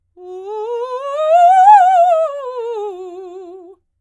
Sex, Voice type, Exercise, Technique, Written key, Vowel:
female, soprano, scales, fast/articulated forte, F major, u